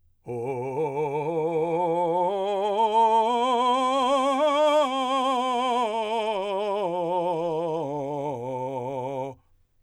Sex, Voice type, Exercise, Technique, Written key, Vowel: male, , scales, slow/legato forte, C major, o